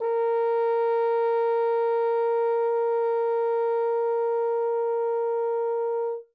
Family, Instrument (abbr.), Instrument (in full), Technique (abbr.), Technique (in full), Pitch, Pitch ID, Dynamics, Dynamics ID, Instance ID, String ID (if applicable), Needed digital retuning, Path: Brass, Hn, French Horn, ord, ordinario, A#4, 70, ff, 4, 0, , FALSE, Brass/Horn/ordinario/Hn-ord-A#4-ff-N-N.wav